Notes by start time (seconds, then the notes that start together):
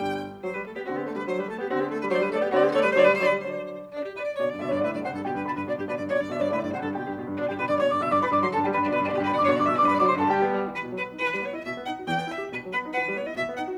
0.00 G1 G2 G3 G5
0.42 F#3 C5
0.52 G3 B4
0.64 A3 A4
0.74 B3 G4
0.86 D3 C4 F#4
0.96 B3 G4
1.07 A3 A4
1.17 G3 B4
1.27 F#3 C5
1.38 G3 B4
1.49 A3 A4
1.58 B3 G4
1.67 D3 C4 F#4
1.78 B3 G4
1.88 A3 A4
2.02 G3 B4
2.07 C#5
2.14 F#3 C5 D5
2.24 G3 B4
2.29 C#5
2.35 A3 A4 D5
2.45 B3 G4
2.50 C#5
2.55 D3 C4 F#4 D5
2.66 B3 G4
2.71 C#5
2.76 A3 A4 D5
2.83 G3 B4
2.89 C#5
2.94 D3 F#3 C5 D5
3.05 G3 B4
3.11 C#5
3.16 D3 F#3 C5 D5
3.26 G3 B4
3.32 C#5
3.37 D3 F#3 C5 D5
3.90 D4 D5
4.03 G4
4.16 B4 D5
4.28 D5
4.39 B2 D3 C#5 D5
4.50 G2 D5
4.61 B2 D3 D5 E5
4.66 D5 E5
4.73 G2 C#5 D5
4.77 D5
4.86 B2 D3 B4 E5
4.96 G2 D5
5.06 C3 D3 C5 F#5
5.15 G2 A4
5.25 B2 D3 G4 G5
5.35 G2 B4
5.49 B2 D3 D4 B5
5.60 G2 B4
5.70 B2 D3 D4 D5
5.80 G2 G4
5.91 B2 D3 B4 D5
6.03 G2 D5
6.13 B2 D3 C#5 D5
6.22 G2 D5
6.30 B2 D3 D5 E5
6.36 G2 C#5 D5
6.46 D5
6.50 B2 D3 B4 E5
6.64 G2 D5
6.75 C3 D3 C5 F#5
6.85 G2 A4
6.95 B2 D3 G4 G5
7.07 G2
7.17 B2 D3
7.28 G2
7.37 B2 D3 D4 D5
7.48 G2 G4 G5
7.58 B2 D3 B4 B5
7.69 G2 D5 D6
7.78 B2 D3 C#5 C#6
7.88 G2 D5 D6
7.98 B2 D3 E5 E6
8.08 G2 D5 D6
8.21 B2 D3 B4 B5
8.31 G2 D5 D6
8.44 D3 F#3 C5 C6
8.54 G2 A4 A5
8.66 D3 G3 G4 G5
8.77 G2 B4 B5
8.87 B2 D3 D4 D5
8.97 G2 B4 B5
9.07 B2 D3 D4 D5
9.17 G2 G4 G5
9.28 B2 D3 B4 B5
9.36 G2 D5 D6
9.43 B2 D3 C#5 C#6
9.54 G2 D5 D6
9.61 B2 D3 E5 E6
9.72 G2 D5 D6
9.81 B2 D3 B4 B5
9.91 G2 D5 D6
10.02 D3 F#3 C5 C6
10.18 G2 A4 A5
10.29 G2 D3 G3 G4 G5
10.40 B3
10.57 G3
10.67 E3
10.80 B2 B4
10.90 F#3
11.01 B3 B4
11.11 D#4
11.22 E3 B4
11.33 G3
11.44 B3 C#5
11.54 E4 D#5
11.64 B2 E5
11.76 B3
11.87 D#4 F#5
11.97 F#4
12.07 E2 G5
12.18 B3
12.28 E4 E5
12.41 G4
12.52 B2 B4
12.62 F#3
12.71 B3 B4
12.82 D#4
12.93 E3 B4
13.05 G3
13.15 B3 C#5
13.26 E4 D#5
13.36 B2 E5
13.47 B3
13.57 D#4 F#5
13.68 F#4